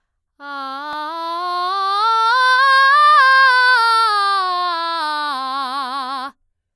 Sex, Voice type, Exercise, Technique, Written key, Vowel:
female, soprano, scales, belt, , a